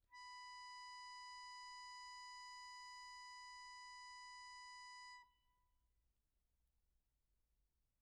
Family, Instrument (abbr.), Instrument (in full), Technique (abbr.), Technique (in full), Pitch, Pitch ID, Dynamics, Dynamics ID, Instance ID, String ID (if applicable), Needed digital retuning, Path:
Keyboards, Acc, Accordion, ord, ordinario, B5, 83, pp, 0, 2, , FALSE, Keyboards/Accordion/ordinario/Acc-ord-B5-pp-alt2-N.wav